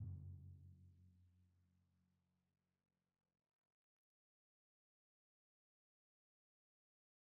<region> pitch_keycenter=42 lokey=41 hikey=44 tune=-20 volume=34.654064 lovel=0 hivel=65 seq_position=1 seq_length=2 ampeg_attack=0.004000 ampeg_release=30.000000 sample=Membranophones/Struck Membranophones/Timpani 1/Hit/Timpani1_Hit_v2_rr1_Sum.wav